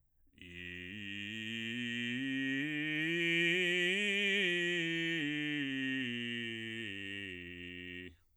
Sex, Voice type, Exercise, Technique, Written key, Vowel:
male, bass, scales, slow/legato forte, F major, i